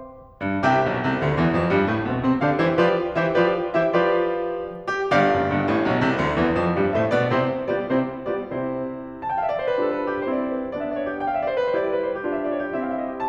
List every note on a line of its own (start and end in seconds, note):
0.47 0.65 G2
0.65 0.84 C2
0.65 0.84 C3
0.65 2.39 G4
0.65 2.39 E5
0.65 2.39 G5
0.84 1.01 B1
0.84 1.01 B2
1.01 1.19 C2
1.01 1.19 C3
1.20 1.35 D2
1.20 1.35 D3
1.35 1.57 E2
1.35 1.57 E3
1.57 1.76 F2
1.57 1.76 F3
1.76 1.88 G2
1.76 1.88 G3
1.88 2.03 A2
1.88 2.03 A3
2.05 2.21 B2
2.05 2.21 B3
2.21 2.39 C3
2.21 2.39 C4
2.39 2.59 D3
2.39 2.59 D4
2.39 2.59 G4
2.39 2.59 D5
2.39 2.59 F5
2.59 2.77 E3
2.59 2.77 E4
2.59 2.77 G4
2.59 2.77 C5
2.59 2.77 E5
2.77 3.17 F3
2.77 3.17 F4
2.77 3.17 G4
2.77 3.17 B4
2.77 3.17 D5
3.17 3.34 E3
3.17 3.34 E4
3.17 3.34 G4
3.17 3.34 C5
3.17 3.34 E5
3.34 3.73 F3
3.34 3.73 F4
3.34 3.73 G4
3.34 3.73 B4
3.34 3.73 D5
3.73 3.92 E3
3.73 3.92 E4
3.73 3.92 G4
3.73 3.92 C5
3.73 3.92 E5
3.93 4.36 F3
3.93 4.36 F4
3.93 4.36 G4
3.93 4.36 B4
3.93 4.36 D5
4.96 5.16 G4
5.16 5.37 G1
5.16 5.37 G2
5.16 6.92 G4
5.16 6.92 D5
5.16 6.92 F5
5.37 5.53 F#1
5.37 5.53 F#2
5.53 5.68 G1
5.53 5.68 G2
5.68 5.89 A1
5.68 5.89 A2
5.90 6.06 B1
5.90 6.06 B2
6.06 6.21 C2
6.06 6.21 C3
6.21 6.38 D2
6.21 6.38 D3
6.38 6.55 E2
6.38 6.55 E3
6.55 6.75 F2
6.55 6.75 F3
6.76 6.92 G2
6.76 6.92 G3
6.92 7.06 A2
6.92 7.06 A3
6.92 7.06 G4
6.92 7.06 C5
6.92 7.06 E5
7.06 7.20 B2
7.06 7.20 B3
7.06 7.20 F4
7.06 7.20 G4
7.06 7.20 D5
7.20 7.62 C3
7.20 7.62 C4
7.20 7.62 E4
7.20 7.62 G4
7.20 7.62 C5
7.64 7.89 G3
7.64 7.89 B3
7.64 7.89 F4
7.64 7.89 G4
7.64 7.89 D5
7.89 8.29 C3
7.89 8.29 C4
7.89 8.29 E4
7.89 8.29 G4
7.89 8.29 C5
8.29 8.48 G3
8.29 8.48 B3
8.29 8.48 F4
8.29 8.48 G4
8.29 8.48 D5
8.48 8.98 C3
8.48 8.98 C4
8.48 8.98 E4
8.48 8.98 G4
8.48 8.98 C5
9.18 9.26 A5
9.27 9.34 G5
9.34 9.42 F5
9.42 9.49 E5
9.49 9.59 D5
9.59 9.71 C5
9.72 11.03 G3
9.72 10.28 D4
9.72 10.28 F4
9.72 9.80 B4
9.80 9.89 C5
9.89 9.98 B4
9.98 10.08 A4
10.08 10.17 B4
10.19 10.28 G4
10.28 10.66 C4
10.28 10.66 E4
10.28 10.36 C5
10.36 10.44 D5
10.44 10.49 C5
10.49 10.51 B4
10.49 10.60 C5
10.60 10.66 G4
10.66 11.03 B3
10.66 11.03 D4
10.66 10.73 D5
10.73 10.84 E5
10.84 10.92 D5
10.93 11.03 C#5
11.03 11.13 D5
11.13 11.21 G4
11.21 11.28 G5
11.28 11.33 F5
11.33 11.44 E5
11.44 11.52 D5
11.52 11.60 C5
11.60 11.76 B4
11.76 13.02 G3
11.76 12.26 E4
11.76 12.26 G4
11.76 11.83 C5
11.85 11.91 D5
11.91 12.00 C5
12.00 12.09 B4
12.09 12.18 C5
12.18 12.26 G4
12.27 12.74 D4
12.27 12.74 F4
12.27 12.37 D5
12.37 12.44 E5
12.44 12.51 D5
12.51 12.58 C#5
12.58 12.66 D5
12.67 12.74 G4
12.74 13.02 C4
12.74 13.02 E4
12.74 12.86 E5
12.86 12.93 E5
12.86 12.89 F5
12.93 13.02 D#5
13.03 13.11 E5
13.11 13.20 C5
13.20 13.28 A5